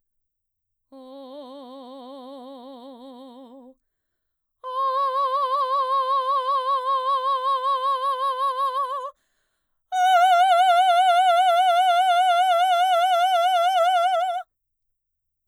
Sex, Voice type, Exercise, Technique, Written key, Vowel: female, mezzo-soprano, long tones, full voice forte, , o